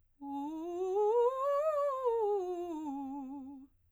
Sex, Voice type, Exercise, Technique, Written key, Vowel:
female, soprano, scales, fast/articulated piano, C major, u